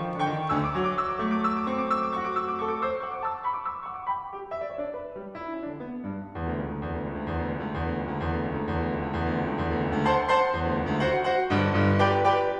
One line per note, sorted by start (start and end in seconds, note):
0.00 0.13 F3
0.13 0.24 D#3
0.24 0.36 D3
0.24 0.49 G5
0.24 0.49 C#6
0.37 0.49 D#3
0.49 0.72 D2
0.49 0.72 D3
0.49 0.58 F#5
0.49 0.58 E6
0.59 0.72 D6
0.72 1.17 F#3
0.72 0.82 C#6
0.82 0.93 D6
0.93 1.04 E6
1.04 1.17 D6
1.17 1.72 A3
1.17 1.31 C#6
1.31 1.46 D6
1.47 1.60 E6
1.60 1.72 D6
1.72 2.18 C4
1.72 1.83 C#6
1.83 1.96 D6
1.96 2.09 E6
2.09 2.18 D6
2.18 2.60 F#4
2.18 2.29 C#6
2.30 2.39 D6
2.39 2.51 E6
2.51 2.60 D6
2.60 2.80 A4
2.60 2.69 C#6
2.69 2.80 D6
2.80 3.07 C5
2.80 2.93 E6
2.93 3.07 D6
3.08 3.29 F#5
3.08 3.18 C#6
3.18 3.29 D6
3.29 3.47 A5
3.29 3.37 E6
3.37 3.47 D6
3.47 3.68 B5
3.47 3.56 C#6
3.56 3.68 D6
3.68 3.87 D6
3.68 3.76 E6
3.77 3.87 D6
3.87 4.08 F#5
3.87 3.97 C#6
3.97 4.08 D6
4.08 4.32 G5
4.08 4.32 B5
4.32 4.50 G4
4.50 4.60 E5
4.60 4.71 D5
4.71 4.90 D4
4.71 4.78 C#5
4.78 4.90 D5
4.90 5.10 B4
5.10 5.33 G3
5.33 5.47 E4
5.47 5.60 D4
5.60 5.80 D3
5.60 5.69 C#4
5.69 5.80 D4
5.80 6.04 B3
6.05 6.36 G2
6.36 6.49 E2
6.49 6.62 D2
6.62 6.71 C#2
6.71 6.84 D2
6.84 6.93 E2
6.94 7.05 D2
7.05 7.17 C#2
7.17 7.28 D2
7.28 7.41 E2
7.41 7.51 D2
7.51 7.63 C#2
7.63 7.77 D2
7.78 7.88 E2
7.88 8.00 D2
8.00 8.12 C#2
8.12 8.22 D2
8.22 8.34 E2
8.34 8.43 D2
8.43 8.52 C#2
8.53 8.67 D2
8.67 8.80 E2
8.80 8.90 D2
8.90 9.04 C#2
9.04 9.16 D2
9.16 9.28 E2
9.28 9.37 D2
9.38 9.45 C#2
9.45 9.57 D2
9.58 9.71 E2
9.71 9.81 D2
9.81 9.94 C#2
9.94 10.05 D2
10.05 10.33 C5
10.05 10.33 F#5
10.05 10.33 A5
10.05 10.33 C6
10.33 10.55 C5
10.33 10.55 F#5
10.33 10.55 A5
10.33 10.55 C6
10.55 10.70 E2
10.70 10.81 D2
10.81 10.90 C#2
10.90 11.02 D2
11.03 11.27 F#4
11.03 11.27 C5
11.03 11.27 F#5
11.28 11.49 F#4
11.28 11.49 C5
11.28 11.49 F#5
11.49 11.74 G1
11.49 11.74 G2
11.74 12.00 G1
11.74 12.00 G2
12.00 12.21 G4
12.00 12.21 B4
12.00 12.21 D5
12.00 12.21 G5
12.21 12.40 G4
12.21 12.40 B4
12.21 12.40 D5
12.21 12.40 G5